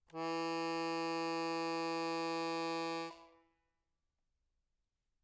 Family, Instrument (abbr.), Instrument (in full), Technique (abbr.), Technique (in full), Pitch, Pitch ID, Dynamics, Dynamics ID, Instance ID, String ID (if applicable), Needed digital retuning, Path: Keyboards, Acc, Accordion, ord, ordinario, E3, 52, mf, 2, 2, , FALSE, Keyboards/Accordion/ordinario/Acc-ord-E3-mf-alt2-N.wav